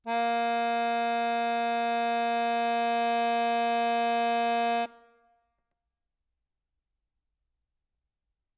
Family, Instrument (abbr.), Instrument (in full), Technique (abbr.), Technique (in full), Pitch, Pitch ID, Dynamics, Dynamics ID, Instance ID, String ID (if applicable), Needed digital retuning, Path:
Keyboards, Acc, Accordion, ord, ordinario, A#3, 58, ff, 4, 1, , FALSE, Keyboards/Accordion/ordinario/Acc-ord-A#3-ff-alt1-N.wav